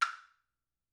<region> pitch_keycenter=62 lokey=62 hikey=62 volume=8.892363 offset=435 lovel=84 hivel=127 ampeg_attack=0.004000 ampeg_release=30.000000 sample=Idiophones/Struck Idiophones/Woodblock/wood_click3_vl2.wav